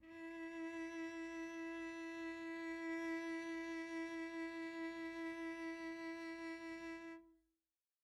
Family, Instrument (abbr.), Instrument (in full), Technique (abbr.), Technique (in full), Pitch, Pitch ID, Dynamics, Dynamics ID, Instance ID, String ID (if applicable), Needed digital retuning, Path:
Strings, Vc, Cello, ord, ordinario, E4, 64, pp, 0, 0, 1, FALSE, Strings/Violoncello/ordinario/Vc-ord-E4-pp-1c-N.wav